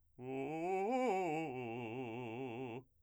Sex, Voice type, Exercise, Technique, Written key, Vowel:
male, , arpeggios, fast/articulated forte, C major, u